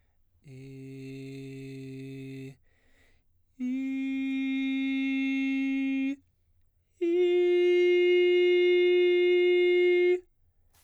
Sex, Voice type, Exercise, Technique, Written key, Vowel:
male, baritone, long tones, full voice pianissimo, , i